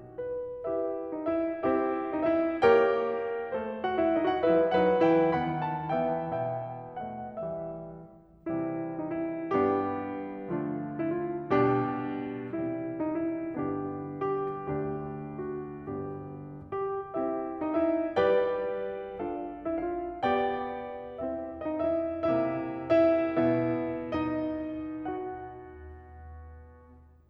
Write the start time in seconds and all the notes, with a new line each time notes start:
0.31 B4
0.66 E4 G4 B4 E5
1.14 D#4 D#5
1.31 E4 E5
1.72 C4 E4 G4 C5 E5
2.11 D#4 D#5
2.25 E4 E5
2.58 A#3 G4 A#4 C#5 G5
3.54 A3 A4 C5
3.85 F#4 F#5
3.99 E4 E5
4.13 D#4 D#5
4.28 F#4 F#5
4.40 G3 E4 B4 E5
4.66 F#3 D#4 B4 F#5
5.02 E3 E4 B4 G5
5.35 D#3 B3 F#5 B5
5.63 A5
5.96 E3 B3 E5 G5
6.42 B2 B3 E5 G5
7.05 A3 D#5 F#5
7.49 E3 G3 E5
8.50 C3 E3 G3 C4 E4
8.99 D#4
9.15 E4
9.57 G2 G3 B3 D4 G4
10.52 D3 F3 A3 D4 F4
11.02 E4
11.20 F4
11.51 B2 G3 D4 G4
12.49 C3 E3 G3 C4 E4
12.92 D#4
13.14 E4
13.56 G2 D3 B3 D4 G4
14.32 G4
14.77 D2 D3 A3 D4 G4
15.51 F#4
15.91 G1 G2 B3 D4 G4
17.16 C4 E4 G4 C5 E5
17.61 D#4 D#5
17.79 E4 E5
18.17 G3 G4 B4 D5 G5
19.20 D4 F4 A4 D5 F5
19.66 E4 E5
19.82 F4 F5
20.21 B3 G4 D5 G5
21.17 C4 E4 G4 C5 E5
21.64 D#4 D#5
21.86 E4 E5
22.19 C3 A3 E4 E5
22.94 E4 E5
23.38 B2 B3 E4 E5
24.14 D#4 D#5
24.98 F#4 F#5